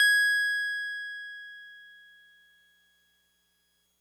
<region> pitch_keycenter=92 lokey=91 hikey=94 volume=7.773449 lovel=100 hivel=127 ampeg_attack=0.004000 ampeg_release=0.100000 sample=Electrophones/TX81Z/Piano 1/Piano 1_G#5_vl3.wav